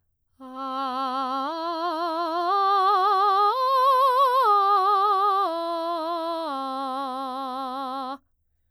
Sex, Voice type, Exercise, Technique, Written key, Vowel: female, soprano, arpeggios, vibrato, , a